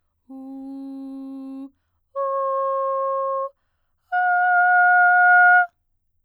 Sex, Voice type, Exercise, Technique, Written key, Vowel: female, soprano, long tones, straight tone, , u